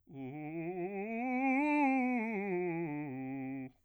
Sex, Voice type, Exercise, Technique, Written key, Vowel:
male, bass, scales, fast/articulated piano, C major, u